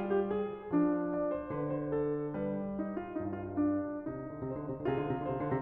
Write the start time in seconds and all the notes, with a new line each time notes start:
0.00 G3 F4
0.23 G4
0.38 G#4
0.71 F3 D4
1.16 D5
1.38 C5
1.52 D3 B4
1.65 C5
1.96 A4
2.51 G3 A#4
2.82 D#4
2.95 F4
3.17 G2 D#4
3.36 F4
3.59 D4
3.99 D3 D#4
4.06 C3
4.31 D3
4.47 C3 C5
4.63 D3
4.83 C3
4.90 F4 G#4
4.97 D3
5.09 C3
5.20 D3 C5
5.33 C3
5.42 D3